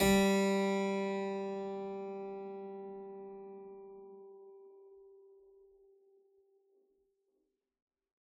<region> pitch_keycenter=55 lokey=55 hikey=55 volume=1.070111 trigger=attack ampeg_attack=0.004000 ampeg_release=0.400000 amp_veltrack=0 sample=Chordophones/Zithers/Harpsichord, Unk/Sustains/Harpsi4_Sus_Main_G2_rr1.wav